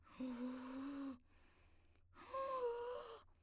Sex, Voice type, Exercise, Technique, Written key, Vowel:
female, soprano, long tones, inhaled singing, , u